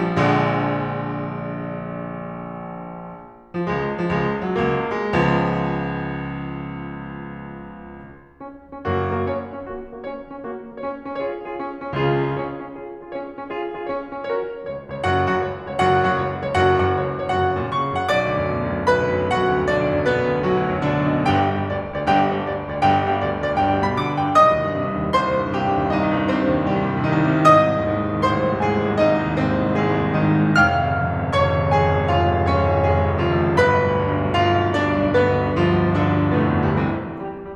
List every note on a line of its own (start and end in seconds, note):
0.00 2.88 F3
0.14 2.88 A#1
0.14 2.88 D3
0.14 2.88 G#3
3.54 3.68 F3
3.68 3.94 C#2
3.68 3.94 G#3
3.94 4.16 F3
4.16 4.42 C#2
4.16 4.42 G#3
4.42 4.59 F#3
4.59 4.92 C#2
4.59 4.92 A#3
4.92 8.41 G#3
5.24 8.41 C#2
5.24 8.41 F3
5.24 8.41 B3
8.41 8.71 C#4
8.71 8.88 C#4
8.88 9.15 F#1
8.88 9.15 F#2
8.88 9.15 A#3
8.88 9.15 F#4
9.15 9.31 F#4
9.32 9.58 C#4
9.32 9.58 C#5
9.58 9.69 C#4
9.69 9.91 A#3
9.69 9.91 F#4
9.93 10.10 F#4
10.10 10.32 C#4
10.10 10.32 C#5
10.32 10.45 C#4
10.45 10.69 A#3
10.45 10.69 F#4
10.69 10.80 F#4
10.81 11.02 C#4
10.81 11.02 C#5
11.03 11.15 C#4
11.15 11.39 F4
11.15 11.39 G#4
11.15 11.39 C#5
11.39 11.53 F4
11.39 11.53 G#4
11.53 11.81 C#4
11.81 11.94 C#4
11.96 12.26 C#2
11.96 12.26 C#3
11.96 12.26 F4
11.96 12.26 G#4
12.26 12.36 F4
12.26 12.36 G#4
12.36 12.63 C#4
12.36 12.63 C#5
12.63 12.75 C#4
12.75 13.01 F4
12.75 13.01 G#4
13.01 13.08 F4
13.01 13.08 G#4
13.08 13.34 C#4
13.08 13.34 C#5
13.34 13.46 C#4
13.46 13.68 F4
13.46 13.68 G#4
13.69 13.87 F4
13.69 13.87 G#4
13.87 14.13 C#4
13.87 14.13 C#5
14.13 14.26 C#4
14.26 14.52 F#4
14.26 14.52 A#4
14.26 14.52 C#5
14.64 14.95 C#2
14.64 14.95 C#5
14.95 15.05 C#2
14.95 15.05 C#5
15.05 15.31 F#1
15.05 15.31 F#2
15.05 15.31 F#4
15.05 15.31 F#5
15.31 15.44 F#2
15.31 15.44 F#5
15.44 15.70 C#2
15.44 15.70 C#5
15.70 15.81 C#2
15.70 15.81 C#5
15.81 16.15 F#1
15.81 16.15 F#2
15.81 16.15 F#4
15.81 16.15 F#5
16.15 16.25 F#2
16.15 16.25 F#5
16.25 16.46 C#2
16.25 16.46 C#5
16.47 16.57 C#2
16.47 16.57 C#5
16.57 16.79 F#1
16.57 16.79 F#2
16.57 16.79 F#4
16.57 16.79 F#5
16.79 16.92 F#2
16.79 16.92 F#5
16.92 17.19 C#2
16.92 17.19 C#5
17.19 17.30 C#2
17.19 17.30 C#5
17.31 17.59 F#1
17.31 17.59 F#2
17.31 17.59 F#4
17.31 17.59 F#5
17.59 17.69 A#2
17.59 17.69 A#5
17.69 17.96 C#3
17.69 17.96 C#6
17.96 18.08 F#2
17.96 18.08 F#5
18.08 18.19 B1
18.08 18.88 D5
18.08 18.88 D6
18.20 18.37 D2
18.37 18.51 F#2
18.51 18.63 B2
18.63 18.77 D2
18.77 18.88 F#2
18.88 19.05 B1
18.88 19.19 B4
18.88 19.19 B5
19.05 19.19 D2
19.20 19.33 F#2
19.33 19.53 B2
19.33 19.61 F#4
19.33 19.61 F#5
19.53 19.61 D2
19.61 19.71 F#2
19.71 19.82 B1
19.71 19.96 D4
19.71 19.96 D5
19.82 19.96 D2
19.96 20.07 F#2
20.09 20.22 B2
20.09 20.38 B3
20.09 20.38 B4
20.22 20.38 D2
20.38 20.51 F#2
20.51 20.63 B1
20.51 20.76 F#3
20.51 20.76 F#4
20.63 20.76 D2
20.76 20.92 F#2
20.92 21.03 B2
20.92 21.15 D3
20.92 21.15 D4
21.04 21.15 D2
21.15 21.36 F#2
21.15 21.36 D5
21.36 21.64 G1
21.36 21.64 G2
21.36 21.64 G4
21.36 21.64 G5
21.64 21.78 G2
21.64 21.78 G5
21.78 22.05 D2
21.78 22.05 D5
22.06 22.16 D2
22.06 22.16 D5
22.16 22.43 G1
22.16 22.43 G2
22.16 22.43 G4
22.16 22.43 G5
22.43 22.55 G2
22.43 22.55 G5
22.55 22.76 D2
22.55 22.76 D5
22.76 22.87 D2
22.76 22.87 D5
22.88 23.09 G1
22.88 23.09 G2
22.88 23.09 G4
22.88 23.09 G5
23.10 23.21 G2
23.10 23.21 G5
23.21 23.49 D2
23.21 23.49 D5
23.49 23.60 D2
23.49 23.60 D5
23.60 23.87 G1
23.60 23.87 G2
23.60 23.87 G4
23.60 23.87 G5
23.87 23.97 B2
23.87 23.97 B5
23.99 24.26 D3
23.99 24.26 D6
24.26 24.40 G2
24.26 24.40 G5
24.40 24.59 C2
24.40 25.17 D#5
24.40 25.17 D#6
24.59 24.69 D#2
24.71 24.80 G2
24.80 24.90 C3
24.92 25.03 D#2
25.03 25.17 G2
25.17 25.27 C2
25.17 25.43 C5
25.17 25.43 C6
25.27 25.43 D#2
25.43 25.54 G2
25.55 25.69 C3
25.55 25.80 G4
25.55 25.80 G5
25.69 25.80 D#2
25.81 25.91 G2
25.91 26.04 C2
25.91 26.15 D#4
25.91 26.15 D#5
26.04 26.15 D#2
26.15 26.27 G2
26.27 26.38 C3
26.27 26.47 C4
26.27 26.47 C5
26.39 26.47 D#2
26.47 26.58 G2
26.59 26.71 C2
26.59 26.89 G3
26.59 26.89 G4
26.71 26.89 D#2
26.89 27.03 G2
27.03 27.17 C3
27.03 27.36 D#3
27.03 27.36 D#4
27.17 27.36 C2
27.38 27.50 C3
27.50 27.61 G#1
27.50 28.24 D#5
27.50 28.24 D#6
27.63 27.74 C2
27.74 27.88 D#2
27.88 27.99 G#2
27.99 28.11 C2
28.11 28.24 D#2
28.25 28.41 G#1
28.25 28.50 C5
28.25 28.50 C6
28.41 28.50 C2
28.51 28.60 D#2
28.60 28.78 G#2
28.60 28.90 G#4
28.60 28.90 G#5
28.78 28.90 C2
28.90 29.01 D#2
29.01 29.12 G#1
29.01 29.23 D#4
29.01 29.23 D#5
29.12 29.23 C2
29.23 29.34 D#2
29.35 29.55 G#2
29.35 29.69 C4
29.35 29.69 C5
29.55 29.69 C2
29.69 29.80 D#2
29.80 29.92 G#1
29.80 30.07 G#3
29.80 30.07 G#4
29.92 30.07 C2
30.07 30.23 D#2
30.23 30.33 G#2
30.23 30.44 D#3
30.23 30.44 D#4
30.34 30.44 G#1
30.44 30.57 G#2
30.57 30.69 F1
30.57 31.31 F5
30.57 31.31 F6
30.69 30.81 G#1
30.81 30.92 C#2
30.92 31.08 F2
31.08 31.18 G#1
31.20 31.31 C#2
31.31 31.43 F1
31.31 31.68 C#5
31.31 31.68 C#6
31.43 31.53 G#1
31.53 31.68 C#2
31.68 31.81 F2
31.68 32.10 G#4
31.68 32.10 G#5
31.81 31.99 G#1
31.99 32.10 C#2
32.11 32.26 F1
32.11 32.51 F4
32.11 32.51 F5
32.26 32.40 G#1
32.40 32.51 C#2
32.51 32.61 F2
32.51 32.84 C#4
32.51 32.84 C#5
32.61 32.71 G#1
32.71 32.84 C#2
32.84 32.96 F1
32.84 33.26 G#3
32.84 33.26 G#4
32.97 33.11 G#1
33.11 33.26 C#2
33.26 33.43 F2
33.26 33.65 F3
33.26 33.65 F4
33.43 33.54 G#1
33.54 33.65 C#2
33.65 33.76 G1
33.65 34.33 B4
33.65 34.33 B5
33.76 33.88 B1
33.89 33.99 D2
33.99 34.14 G2
34.14 34.24 B1
34.24 34.33 D2
34.33 34.45 G1
34.33 34.81 F4
34.33 34.81 F5
34.45 34.69 B1
34.69 34.81 D2
34.82 34.92 G2
34.82 35.14 D4
34.82 35.14 D5
34.92 35.03 B1
35.03 35.14 D2
35.14 35.32 G1
35.14 35.64 B3
35.14 35.64 B4
35.32 35.51 B1
35.51 35.64 D2
35.64 35.79 G2
35.64 36.07 F3
35.64 36.07 F4
35.81 35.94 B1
35.94 36.07 D2
36.07 36.20 G1
36.07 36.42 D3
36.07 36.42 D4
36.20 36.35 B1
36.35 36.42 D2
36.42 36.54 G2
36.42 36.80 B2
36.42 36.80 B3
36.54 36.64 F2
36.65 36.80 D2
36.65 36.80 G3
36.80 37.07 C2
36.80 37.07 E3
36.80 37.07 C4
37.07 37.19 C4
37.19 37.43 G3
37.19 37.43 G4
37.43 37.55 G3